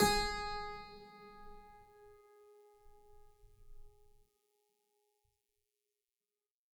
<region> pitch_keycenter=56 lokey=56 hikey=56 volume=2.316202 trigger=attack ampeg_attack=0.004000 ampeg_release=0.40000 amp_veltrack=0 sample=Chordophones/Zithers/Harpsichord, Flemish/Sustains/High/Harpsi_High_Far_G#3_rr1.wav